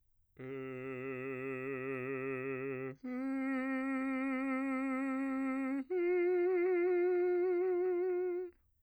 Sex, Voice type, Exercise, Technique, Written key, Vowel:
male, bass, long tones, full voice pianissimo, , e